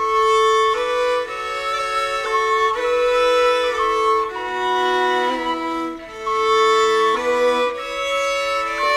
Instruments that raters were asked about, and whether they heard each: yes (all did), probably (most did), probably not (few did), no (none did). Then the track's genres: violin: yes
accordion: probably
Celtic